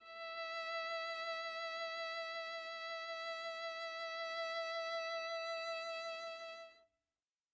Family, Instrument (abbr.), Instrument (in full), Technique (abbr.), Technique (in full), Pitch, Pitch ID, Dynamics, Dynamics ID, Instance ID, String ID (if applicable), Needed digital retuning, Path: Strings, Va, Viola, ord, ordinario, E5, 76, mf, 2, 0, 1, TRUE, Strings/Viola/ordinario/Va-ord-E5-mf-1c-T16u.wav